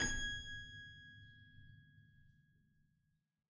<region> pitch_keycenter=80 lokey=80 hikey=81 volume=0.615691 trigger=attack ampeg_attack=0.004000 ampeg_release=0.40000 amp_veltrack=0 sample=Chordophones/Zithers/Harpsichord, Flemish/Sustains/High/Harpsi_High_Far_G#5_rr1.wav